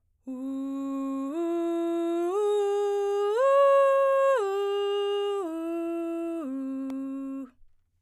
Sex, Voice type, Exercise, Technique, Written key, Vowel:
female, soprano, arpeggios, breathy, , u